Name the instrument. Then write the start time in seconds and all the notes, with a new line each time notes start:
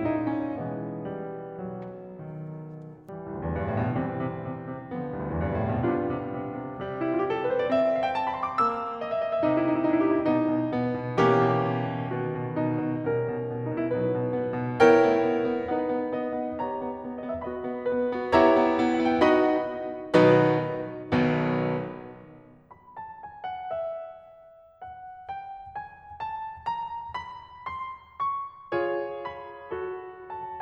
piano
0.00 A#2 D#4
0.35 C#4
0.58 B2 E3 G#3 B3
1.04 G3
1.59 B1 F#3
2.23 D#3
3.09 E3 G3
3.22 C2
3.37 D2
3.48 E2
3.58 F2
3.67 G2
3.77 A2
3.92 B2
4.03 C3 E3 G3 C4
4.24 C3
4.42 C3
4.66 C3
4.88 D3 F3 B3
5.00 C2
5.10 D2
5.21 E2
5.33 F2
5.43 G2
5.55 A2
5.69 B2
5.83 C3 G3 B3 D4 F4
6.05 C3
6.32 C3
6.55 C3
6.80 C3 G3
6.93 E4
7.06 F4
7.17 G4
7.26 A4
7.40 B4
7.52 C5
7.62 D5
7.72 C4 E5
7.95 F5
8.06 G5
8.16 A5
8.27 B5
8.38 C6
8.50 D6
8.61 A#3 E6
9.02 D#5
9.10 E5
9.22 D#5
9.32 E5
9.42 C3 D#4
9.51 E4
9.61 D#4
9.73 E4
9.81 D#4
9.91 E4
10.02 G4
10.14 E4
10.22 B2 B3 D#4
10.44 B2
10.70 B2 B3
10.94 B2
11.18 B2 E3 A#3 C#4 G4
11.40 B2
11.73 B2
11.94 B2
12.23 B2 D#3 B3 F#4
12.50 B2
12.70 B2 D#4
12.92 B2
13.12 B2 G3 C#4 A#4
13.34 B2
13.50 B2
13.70 B2 D#4
13.79 E4
13.85 B2 F#3 D#4 B4
14.08 B2
14.30 B2 B3
14.54 B2
14.79 B3 E4 A#4 C#5 G5
15.03 B3
15.28 B3
15.53 B3
15.77 B3 D#4 B4 F#5
15.92 B3
16.15 B3 D#5
16.38 B3
16.64 B3 G4 C#5 A#5
16.83 B3
16.99 B3
17.18 B3 D#5
17.26 E5
17.37 B3 F#4 D#5 B5
17.54 B3
17.83 B3 B4
18.08 B3
18.30 B3 E4 G4 C#5 E5 A#5
18.54 B3
18.77 B3
19.01 B3 F#5
19.12 G5
19.21 B3 D#4 F#4 D#5 F#5 B5
20.26 B2 D#3 F#3 B3 D#4 F#4 B4
21.26 B1 B2 D#3 F#3 B3
22.72 B5
22.96 A5
23.21 G#5
23.44 F#5
23.75 E5
24.82 F#5
25.30 G5
25.75 G#5
26.22 A5
26.70 A#5
27.20 B5
27.72 C6
28.21 C#6
28.75 F4 G#4 C#5
29.27 B5
29.77 F#4 A4
30.22 A5